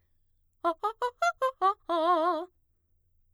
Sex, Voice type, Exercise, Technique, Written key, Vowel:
female, mezzo-soprano, arpeggios, fast/articulated forte, F major, a